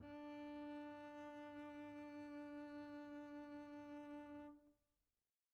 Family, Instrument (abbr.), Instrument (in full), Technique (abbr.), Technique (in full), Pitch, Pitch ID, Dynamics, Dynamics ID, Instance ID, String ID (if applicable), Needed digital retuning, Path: Strings, Cb, Contrabass, ord, ordinario, D4, 62, pp, 0, 0, 1, TRUE, Strings/Contrabass/ordinario/Cb-ord-D4-pp-1c-T12d.wav